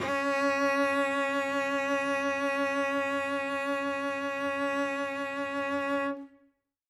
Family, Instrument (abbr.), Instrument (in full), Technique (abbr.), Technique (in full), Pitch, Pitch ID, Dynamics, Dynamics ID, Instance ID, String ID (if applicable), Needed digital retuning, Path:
Strings, Vc, Cello, ord, ordinario, C#4, 61, ff, 4, 1, 2, FALSE, Strings/Violoncello/ordinario/Vc-ord-C#4-ff-2c-N.wav